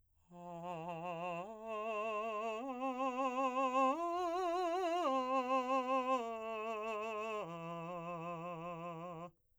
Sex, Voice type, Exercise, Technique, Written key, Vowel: male, , arpeggios, slow/legato piano, F major, a